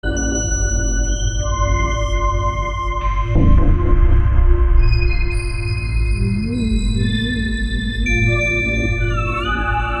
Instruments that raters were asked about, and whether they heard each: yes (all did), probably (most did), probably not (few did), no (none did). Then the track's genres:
organ: no
Electronic; Ambient